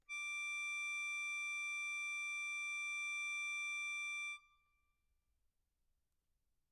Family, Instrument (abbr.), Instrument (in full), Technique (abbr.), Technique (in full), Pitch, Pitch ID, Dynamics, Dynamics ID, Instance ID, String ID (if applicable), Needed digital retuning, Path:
Keyboards, Acc, Accordion, ord, ordinario, D6, 86, mf, 2, 3, , FALSE, Keyboards/Accordion/ordinario/Acc-ord-D6-mf-alt3-N.wav